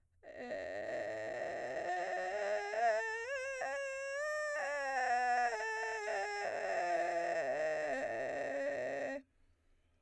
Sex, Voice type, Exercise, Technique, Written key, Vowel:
female, soprano, scales, vocal fry, , e